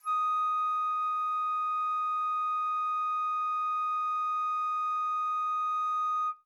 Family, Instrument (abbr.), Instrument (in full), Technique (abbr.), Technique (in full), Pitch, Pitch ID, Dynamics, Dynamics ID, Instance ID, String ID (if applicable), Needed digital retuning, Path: Winds, Fl, Flute, ord, ordinario, D#6, 87, mf, 2, 0, , TRUE, Winds/Flute/ordinario/Fl-ord-D#6-mf-N-T12d.wav